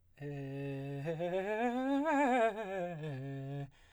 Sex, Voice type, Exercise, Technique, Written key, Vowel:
male, baritone, scales, fast/articulated piano, C major, e